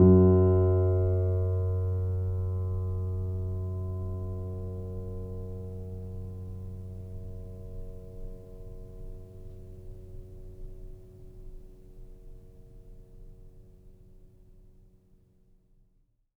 <region> pitch_keycenter=42 lokey=42 hikey=43 volume=0.264019 lovel=0 hivel=65 locc64=0 hicc64=64 ampeg_attack=0.004000 ampeg_release=0.400000 sample=Chordophones/Zithers/Grand Piano, Steinway B/NoSus/Piano_NoSus_Close_F#2_vl2_rr1.wav